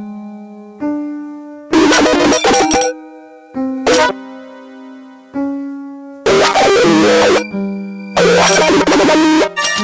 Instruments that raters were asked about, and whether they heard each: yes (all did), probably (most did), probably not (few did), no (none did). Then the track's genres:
piano: yes
Electronic